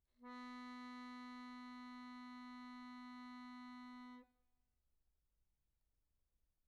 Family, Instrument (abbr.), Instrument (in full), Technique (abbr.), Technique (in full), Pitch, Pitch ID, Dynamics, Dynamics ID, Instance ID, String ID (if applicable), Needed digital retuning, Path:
Keyboards, Acc, Accordion, ord, ordinario, B3, 59, pp, 0, 0, , FALSE, Keyboards/Accordion/ordinario/Acc-ord-B3-pp-N-N.wav